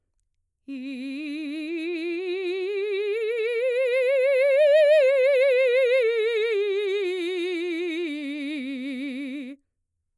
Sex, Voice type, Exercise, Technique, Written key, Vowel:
female, mezzo-soprano, scales, vibrato, , i